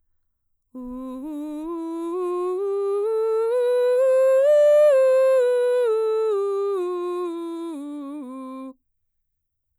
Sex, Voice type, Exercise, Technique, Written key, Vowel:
female, mezzo-soprano, scales, slow/legato forte, C major, u